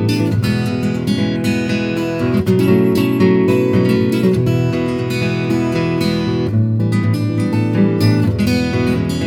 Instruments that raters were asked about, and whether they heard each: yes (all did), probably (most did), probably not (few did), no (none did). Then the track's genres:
guitar: yes
clarinet: no
drums: no
Blues; Folk